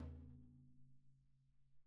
<region> pitch_keycenter=62 lokey=62 hikey=62 volume=30.498324 lovel=0 hivel=54 seq_position=1 seq_length=2 ampeg_attack=0.004000 ampeg_release=30.000000 sample=Membranophones/Struck Membranophones/Snare Drum, Rope Tension/Hi/RopeSnare_hi_sn_Main_vl1_rr2.wav